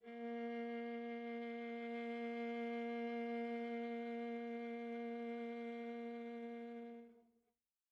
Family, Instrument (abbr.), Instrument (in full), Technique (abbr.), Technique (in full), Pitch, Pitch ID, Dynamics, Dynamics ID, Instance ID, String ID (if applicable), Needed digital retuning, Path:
Strings, Va, Viola, ord, ordinario, A#3, 58, pp, 0, 3, 4, FALSE, Strings/Viola/ordinario/Va-ord-A#3-pp-4c-N.wav